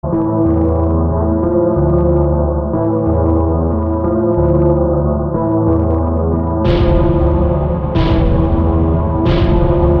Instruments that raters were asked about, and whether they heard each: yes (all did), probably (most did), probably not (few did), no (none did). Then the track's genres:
synthesizer: yes
Electronic; Noise; Industrial